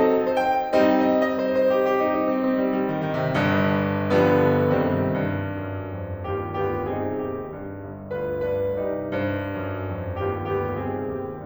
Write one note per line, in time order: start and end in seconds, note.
0.01 0.27 D#5
0.27 0.44 C5
0.44 0.96 G5
0.77 1.16 G3
0.77 1.16 C4
0.77 1.16 D#4
0.96 1.16 D#5
1.16 1.39 D#5
1.40 1.56 C5
1.56 1.75 C5
1.75 1.91 G4
1.92 2.06 G4
2.06 2.21 D#4
2.21 2.35 D#4
2.35 2.51 C4
2.51 2.65 C4
2.65 2.80 G3
2.80 2.98 G3
2.99 3.13 D#3
3.13 3.27 D#3
3.27 3.40 C3
3.41 4.71 G1
3.41 4.71 G2
4.29 4.71 D3
4.29 4.71 F3
4.29 4.71 G3
4.29 4.71 B3
4.71 5.02 C2
4.71 5.02 D#3
4.71 5.02 G3
4.71 5.02 C4
5.02 6.94 G2
5.58 5.97 F#2
5.97 6.30 F2
6.30 6.61 D#2
6.30 6.61 B3
6.30 6.61 D4
6.30 6.61 F4
6.30 6.61 G4
6.61 6.94 D2
6.61 6.94 B3
6.61 6.94 D4
6.61 6.94 F4
6.61 6.94 G4
6.94 7.25 C2
6.94 7.52 C4
6.94 7.52 D#4
6.94 7.25 G#4
7.26 7.52 D#2
7.26 7.52 G4
7.52 7.78 G2
7.78 8.11 G1
8.12 8.43 D2
8.12 8.43 D4
8.12 8.43 F4
8.12 8.43 B4
8.43 8.74 G2
8.43 8.74 D4
8.43 8.74 F4
8.43 8.74 B4
8.74 9.08 C2
8.74 9.40 D#4
8.74 9.40 G4
8.74 9.08 D5
9.08 10.80 G2
9.08 9.40 C5
9.40 9.82 F#2
9.83 10.14 F2
10.14 10.51 D#2
10.14 10.51 B3
10.14 10.51 D4
10.14 10.51 F4
10.14 10.51 G4
10.51 10.80 D2
10.51 10.80 B3
10.51 10.80 D4
10.51 10.80 F4
10.51 10.80 G4
10.80 11.17 C2
10.80 11.45 C4
10.80 11.45 D#4
10.80 11.17 G#4
11.17 11.45 D#2
11.17 11.45 G4